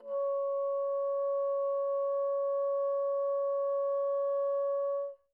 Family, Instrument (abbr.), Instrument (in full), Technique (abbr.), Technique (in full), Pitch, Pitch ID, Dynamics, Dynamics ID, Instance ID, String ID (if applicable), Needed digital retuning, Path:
Winds, Bn, Bassoon, ord, ordinario, C#5, 73, pp, 0, 0, , FALSE, Winds/Bassoon/ordinario/Bn-ord-C#5-pp-N-N.wav